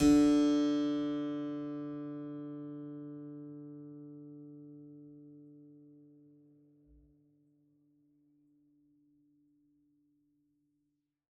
<region> pitch_keycenter=50 lokey=50 hikey=51 volume=0.903587 seq_position=2 seq_length=2 trigger=attack ampeg_attack=0.004000 ampeg_release=0.400000 amp_veltrack=0 sample=Chordophones/Zithers/Harpsichord, French/Sustains/Harpsi2_Normal_D2_rr3_Main.wav